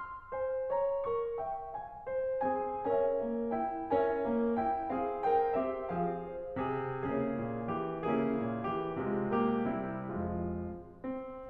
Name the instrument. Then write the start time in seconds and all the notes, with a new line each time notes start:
piano
0.00 C6
0.33 C5 G#5
0.70 C#5 A#5
1.08 A#4 C#6
1.40 E5 G5
1.78 F5 G#5
2.07 C5
2.43 C4 G#4 G#5
2.84 C#4 A#4 C#5 E5 G#5
3.19 A#3
3.52 E4 G5
3.92 C#4 A#4 C#5 E5 G#5
4.26 A#3
4.62 E4 G5
4.93 C4 G#4 F5
5.21 A#4 G5
5.55 C4 G4 E5
5.91 F3 G#4 F5
6.33 C5
6.62 C3 G#4
7.01 C#3 A#3 C#4 E4 G#4
7.35 A#2
7.70 E3 G4
8.10 C#3 A#3 C#4 E4 G#4
8.44 A#2
8.74 E3 G4
9.11 C3 G#3 F4
9.39 A#3 G4
9.72 C3 G3 E4
10.22 F2 F3 G#3 F4
10.83 C4